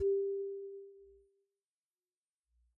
<region> pitch_keycenter=55 lokey=55 hikey=57 volume=10.260413 lovel=0 hivel=83 ampeg_attack=0.004000 ampeg_release=15.000000 sample=Idiophones/Struck Idiophones/Xylophone/Soft Mallets/Xylo_Soft_G3_pp_01_far.wav